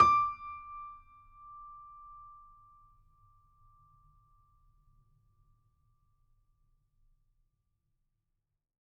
<region> pitch_keycenter=86 lokey=86 hikey=87 volume=-1.345986 lovel=100 hivel=127 locc64=0 hicc64=64 ampeg_attack=0.004000 ampeg_release=0.400000 sample=Chordophones/Zithers/Grand Piano, Steinway B/NoSus/Piano_NoSus_Close_D6_vl4_rr1.wav